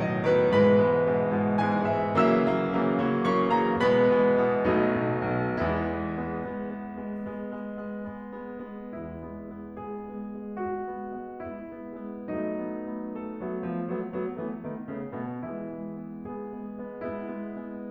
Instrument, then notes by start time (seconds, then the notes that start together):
piano
0.01 A2 B2 D#3 F#3 D#5
0.25 A2 B2 D#3 F#3 B4
0.46 G#2 B2 E3 G#3 B4 B5
0.70 G#2 B2 E3 G#3
0.99 G#2 B2 E3 G#3
1.27 G#2 B2 E3 G#3
1.57 G#2 B2 E3 G#3 G#5
1.85 G#2 B2 E3 G#3 E5
2.20 C#3 E3 F#3 A#3 E5 E6
2.49 C#3 E3 F#3 A#3
2.79 C#3 E3 F#3 A#3
3.01 C#3 E3 F#3 A#3
3.28 C#3 E3 F#3 A#3 C#6
3.56 C#3 E3 F#3 A#3 A#5
3.79 B2 E3 G#3 B3 B4 B5
4.01 B2 E3 G#3 B3
4.31 B2 E3 G#3 B3
4.67 B1 B2 F#3 A3 B3 D#4
5.04 B1 B2
5.32 B1 B2
5.66 E2 E3 G#3 B3 E4
5.94 G#3 B3
6.32 G#3 B3
6.60 G#3 B3
6.86 G#3 B3
7.16 G#3 B3
7.39 G#3 B3
7.67 G#3 B3
7.92 G#3 B3
8.17 G#3 B3
8.42 G#3 B3
8.68 G#3 B3
8.95 E2 E3 G#3 B3 E4
9.22 G#3 B3
9.55 G#3 B3
9.79 G#3 B3 G#4
10.09 G#3 B3
10.40 G#3 B3
10.65 G#3 B3 F#4
10.97 G#3 B3
11.28 G#3 B3
11.53 G#3 B3 E4
11.81 G#3 B3
12.06 G#3 B3
12.32 F#3 A3 B3 D#4
12.57 A3 B3
12.83 A3 B3
13.10 A3 B3 A4
13.36 F#3 A3 B3
13.57 F3 A3 B3
13.83 F#3 A3 B3
14.16 F#3 A3 B3
14.39 E3 A3 B3
14.66 D#3 A3 B3
14.90 C#3 A3 B3
15.15 B2 A3 B3
15.44 E3 G#3 B3 E4
15.67 G#3 B3
15.93 G#3 B3
16.22 G#3 B3 G#4
16.45 G#3 B3
16.71 G#3 B3
17.00 G#3 B3 E4
17.39 G#3 B3
17.65 G#3 B3